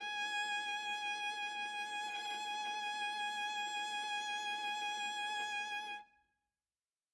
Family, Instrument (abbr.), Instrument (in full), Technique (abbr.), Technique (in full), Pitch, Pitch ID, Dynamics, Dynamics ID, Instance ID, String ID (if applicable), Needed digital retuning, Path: Strings, Va, Viola, ord, ordinario, G#5, 80, ff, 4, 1, 2, FALSE, Strings/Viola/ordinario/Va-ord-G#5-ff-2c-N.wav